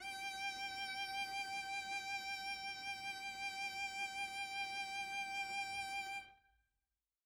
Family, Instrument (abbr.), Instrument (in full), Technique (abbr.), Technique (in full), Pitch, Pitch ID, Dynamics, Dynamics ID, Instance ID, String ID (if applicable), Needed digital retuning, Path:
Strings, Vc, Cello, ord, ordinario, G5, 79, mf, 2, 0, 1, FALSE, Strings/Violoncello/ordinario/Vc-ord-G5-mf-1c-N.wav